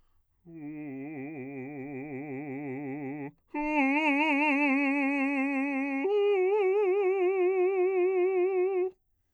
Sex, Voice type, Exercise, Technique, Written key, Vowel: male, bass, long tones, trill (upper semitone), , u